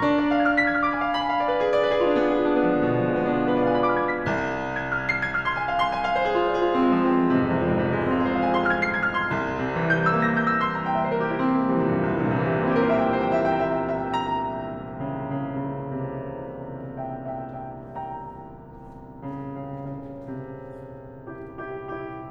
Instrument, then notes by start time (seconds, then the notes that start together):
piano
0.00 D4
0.09 D5
0.28 F5
0.36 G#6
0.49 F6
0.58 B6
0.65 G#6
0.72 F6
0.80 D6
0.89 B5
0.98 G#5
1.08 F5
1.17 B5
1.25 G#5
1.34 F5
1.43 D5
1.52 B4
1.61 G#4
1.71 D5
1.80 B4
1.90 G#4
2.00 F4
2.09 D4
2.16 B3
2.23 G#4
2.33 F4
2.39 D4
2.47 B3
2.57 G#3
2.64 F3
2.73 D3
2.81 B2
2.87 D3
2.96 F3
3.03 G#3
3.11 B3
3.18 D4
3.26 F4
3.36 G#4
3.42 B4
3.51 D5
3.61 F5
3.69 G#5
3.78 B5
3.88 D6
3.97 F6
4.11 G#6
4.21 B6
4.33 C2
4.78 G#6
4.91 F6
5.07 C7
5.20 G#6
5.34 F6
5.48 C6
5.58 G#5
5.67 F5
5.78 C6
5.97 G#5
6.06 F5
6.19 C5
6.28 G#4
6.40 F4
6.50 C5
6.58 G#4
6.68 F4
6.77 C4
6.86 G#3
6.94 F3
7.02 C4
7.13 G#3
7.20 F3
7.28 C3
7.37 G#2
7.45 F2
7.55 C2
7.64 F2
7.72 G#2
7.84 C3
7.93 F3
8.01 G#3
8.12 C4
8.20 F4
8.32 G#4
8.42 C5
8.49 F5
8.57 G#5
8.65 C6
8.74 F6
8.92 C7
9.01 G#6
9.09 F6
9.17 C6
9.37 C2
9.60 C3
9.78 E3
9.86 G3 G6
9.97 A#3 E6
10.07 A#6
10.15 G6
10.45 E6
10.63 C6
10.73 A#5
10.83 G5
10.91 E5
11.01 C5
11.10 A#4
11.18 G4
11.27 E4
11.38 C4
11.46 A#3
11.55 G3
11.64 E3
11.76 C3
11.84 A#2
11.94 G2
12.03 E2
12.10 C2
12.18 E2
12.27 G2
12.36 A#2
12.49 C3
12.54 E3
12.62 G3
12.74 A#3
12.84 C4
12.92 E4
13.03 G4
13.11 A#4
13.20 C5
13.28 E5
13.39 G5
13.49 E5
13.61 C5
13.70 E5
13.77 G5
13.85 E5
13.93 A#5
14.01 G5
14.12 E5
14.21 G5
14.34 A#5
14.87 C#3
15.02 C#3
15.55 C3
17.01 E5 G5
17.35 E5 G5
17.73 E5 G5
17.97 G5 A#5
18.60 C#3
18.97 C#3
19.27 C#3
20.15 C3
21.30 E4 G4
21.65 E4 G4
21.99 E4 G4